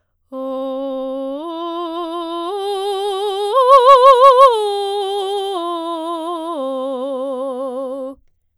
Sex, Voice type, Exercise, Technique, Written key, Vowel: female, soprano, arpeggios, slow/legato forte, C major, o